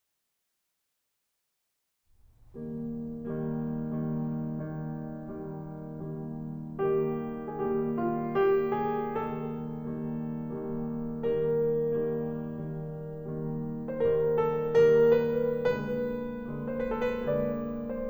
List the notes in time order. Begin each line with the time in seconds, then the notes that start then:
2.44 D#3 G3 A#3
3.06 D#3 G3 A#3
3.70 D#3 G3 A#3
4.29 D#3 G3 A#3
5.19 D#3 G3 A#3
5.86 D#3 G3 A#3
6.78 D#3 G3 A#3 G4
7.51 D#3 G3 A#3 G#4
7.60 G4
7.94 F4
8.35 D#3 G3 A#3 G4
8.78 G#4
9.14 D#3 G3 A#3 A4
9.75 D#3 G3 A#3
10.34 D#3 G3 A#3
10.92 D#3 G3 A#3 A#4
11.42 D#3 G3 A#3
12.40 D#3 G3 A#3
13.15 D#3 G3 A#3
13.79 D#3 G3 A#3 C5
13.92 A#4
14.22 A4
14.84 D#3 G3 A#3 A#4
15.15 B4
15.86 D3 G#3 A#3 B4
16.60 D3 G#3 A#3 C5
16.74 B4
16.91 A4
17.19 B4
17.36 D3 G#3 A#3 D5
17.90 C5